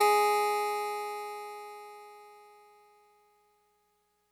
<region> pitch_keycenter=56 lokey=55 hikey=58 volume=6.937858 lovel=100 hivel=127 ampeg_attack=0.004000 ampeg_release=0.100000 sample=Electrophones/TX81Z/Clavisynth/Clavisynth_G#2_vl3.wav